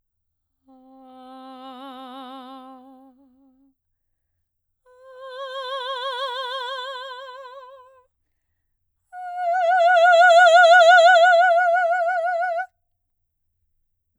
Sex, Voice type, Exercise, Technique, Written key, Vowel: female, soprano, long tones, messa di voce, , a